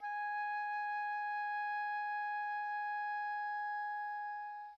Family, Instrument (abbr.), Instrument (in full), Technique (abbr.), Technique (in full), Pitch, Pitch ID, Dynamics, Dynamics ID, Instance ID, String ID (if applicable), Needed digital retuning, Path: Winds, Ob, Oboe, ord, ordinario, G#5, 80, pp, 0, 0, , TRUE, Winds/Oboe/ordinario/Ob-ord-G#5-pp-N-T11u.wav